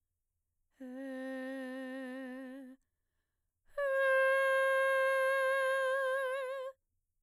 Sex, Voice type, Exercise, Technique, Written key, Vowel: female, mezzo-soprano, long tones, inhaled singing, , a